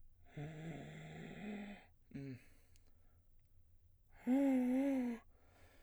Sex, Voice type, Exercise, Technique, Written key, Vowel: male, baritone, long tones, inhaled singing, , o